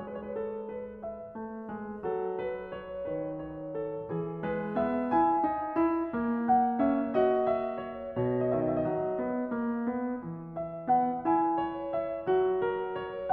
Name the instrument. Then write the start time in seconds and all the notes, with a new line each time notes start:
piano
0.00 G#3 B4
0.12 C#5
0.24 B4
0.38 A4
0.71 B4
1.11 E5
1.39 A3
1.71 G#3
2.10 F#3 A4
2.44 B4
2.77 C#5
3.11 D#3 B4
3.41 C#5
3.77 A4
4.13 E3 G#4
4.45 G#3 B4
4.79 B3 E5
5.13 E4 G#5
5.51 D#4
5.79 E4
6.12 A#3
6.47 F#5
6.80 C#4 E5
7.16 F#4 D#5
7.48 E5
7.80 C#5
8.21 B2 C#5
8.27 D#5
8.48 E5
8.53 D#5
8.60 D#3 E5
8.71 D#5
8.96 F#3
9.29 B3
9.52 A#3
9.87 B3
10.23 E3
10.65 E5
10.90 B3 F#5
11.24 E4 G#5
11.71 C#5
11.98 E5
12.32 F#3 F#4
12.64 A#4
13.00 C#5